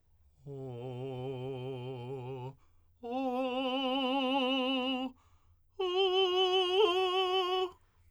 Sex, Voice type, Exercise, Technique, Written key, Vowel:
male, tenor, long tones, full voice pianissimo, , o